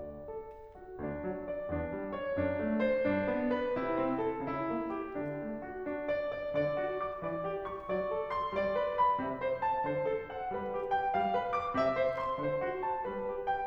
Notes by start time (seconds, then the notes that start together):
0.00 D5
0.27 A4
0.77 F#4
1.00 D2 D4
1.27 F#3
1.45 D5
1.75 E2 D4
1.99 G3
2.18 C#5
2.40 F#2 D4
2.61 A3
2.86 C5
3.07 A2 D4
3.27 B3
3.55 B4
3.74 C3 E4
3.97 C4
4.23 A4
4.42 C#3 E4
4.69 A#3
4.91 G4
5.20 D3 D4
5.42 A3
5.62 F#4
5.86 D4
6.05 D5
6.23 D5
6.52 D3 D5
6.77 F#4
7.01 D6
7.27 E3 D5
7.45 G4
7.63 C#6
7.89 F#3 D5
8.15 A4
8.31 C6
8.54 G3 D5
8.77 B4
8.97 B5
9.21 C3 E5
9.42 C5
9.62 A5
9.83 D3 C5
10.05 A4
10.32 F#5
10.54 G3 B4
10.74 G4
10.96 G5
11.17 A3 F5
11.37 B4
11.58 D6
11.74 C3 E5
11.95 C5
12.18 C6
12.41 D3 C5
12.60 F#4
12.84 A5
13.07 G3 B4
13.29 G4
13.49 G5